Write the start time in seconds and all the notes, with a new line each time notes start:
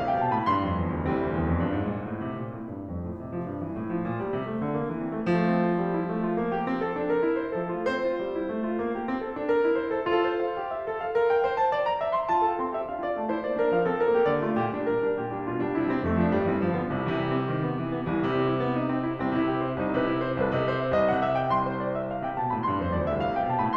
0.00 C2 F5
0.10 C3 G5
0.22 B2 A5
0.34 A2 B5
0.51 G2 C6
0.65 F2
0.84 E2
0.98 D2
1.08 C2 E3 G3 C4
1.21 D2
1.32 E2
1.49 F2
1.58 G2
1.81 A2
1.95 A#2
2.09 A2
2.25 C3
2.37 A#2
2.55 A2
2.71 G2
2.90 F2
3.04 A2
3.25 C3
3.38 F3
3.48 G2
3.62 E3
3.77 A2
3.91 F3
4.06 A#2
4.23 G3
4.35 C3
4.50 A3
4.61 D3
4.76 A#3
4.89 E3
5.03 C4
5.15 A3
5.28 F3 A3
5.53 C4
5.62 F4
5.83 G3
5.98 E4
6.07 A3
6.23 F4
6.43 A#3
6.57 G4
6.68 C4
6.78 A4
6.97 D4
7.11 A#4
7.23 E4
7.38 C5
7.55 F3 A4
7.71 A3 F4
7.88 C4 C5
8.07 F4
8.21 G3
8.35 E4
8.49 A3
8.63 F4
8.80 A#3
9.01 G4
9.14 C4
9.26 A4
9.39 D4
9.53 A#4
9.66 E4
9.81 C5
9.91 A4
10.08 F4 A4
10.30 C5
10.43 F5
10.61 G4
10.72 E5
10.91 A4
11.03 F5
11.16 A#4
11.31 G5
11.41 C5
11.59 A5
11.70 D5
11.87 A#5
12.04 E5
12.19 C6
12.33 F4 A5
12.56 A4 F5
12.67 C4 C6
12.78 G4 E5
12.88 D4 F5
13.00 F4 D5
13.19 A3 A5
13.29 E4 C5
13.40 A#3 D5
13.58 D4 A#4
13.72 F3 F5
13.85 C4 A4
13.99 G3 A#4
14.13 A#3 G4
14.29 D3 D5
14.48 A3 F4
14.62 A#2 G4
14.76 G3 D4
14.87 A#2 A#4
15.03 G3 D4
15.15 A#2 G4
15.33 G3 D4
15.44 B2 F4
15.56 G3 D4
15.78 C3 E4
15.92 G3 C4
16.07 F2 A3
16.22 F3 D4
16.31 G2 G3
16.45 E3 C4
16.64 G2 F3
16.75 D3 B3
16.92 C2 C3
17.03 C3 E3
17.18 G3
17.28 C4
17.43 D#3
17.57 B3
17.81 E3
17.98 C4
18.09 C2 E3
18.20 C3 G3
18.33 C4
18.45 E4
18.65 B3
18.80 D#4
18.97 C4
19.08 E4
19.24 C2 C4
19.34 C3 E4
19.49 G4
19.69 C5
19.80 C2 D#4
19.91 C3 B4
20.03 E4
20.32 C5
20.42 C2 B4
20.55 C3 D#5
20.71 C5
20.79 E5
20.92 C2 D#5
21.10 C3 F#5
21.21 E5
21.40 G5
21.54 C2 C6
21.64 C5
21.83 D5
21.97 E5
22.12 F5
22.24 C3 G5
22.38 B2 A5
22.51 A2 B5
22.64 G2 C6
22.84 F2 C5
22.96 E2 D5
23.08 D2 E5
23.21 C2 F5
23.34 C3 G5
23.48 B2 A5
23.57 A2 B5